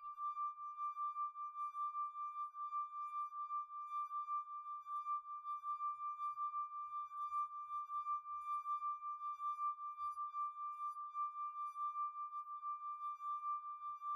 <region> pitch_keycenter=86 lokey=85 hikey=87 tune=-5 volume=21.592737 trigger=attack ampeg_attack=0.004000 ampeg_release=0.500000 sample=Idiophones/Friction Idiophones/Wine Glasses/Sustains/Fast/glass4_D5_Fast_1_Main.wav